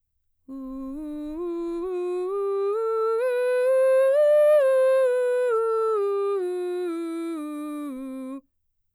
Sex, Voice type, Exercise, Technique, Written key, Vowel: female, mezzo-soprano, scales, straight tone, , u